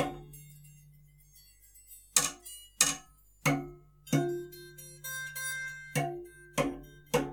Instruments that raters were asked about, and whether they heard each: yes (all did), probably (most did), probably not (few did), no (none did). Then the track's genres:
mandolin: no
mallet percussion: probably not
Avant-Garde; Soundtrack; Noise; Psych-Folk; Experimental; Free-Jazz; Freak-Folk; Unclassifiable; Musique Concrete; Improv; Sound Art; Contemporary Classical; Instrumental